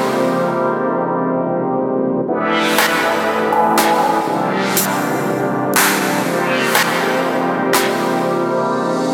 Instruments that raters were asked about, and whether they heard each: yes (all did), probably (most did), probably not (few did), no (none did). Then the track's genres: trombone: no
trumpet: no
Electro-Punk; Industrial; Drum & Bass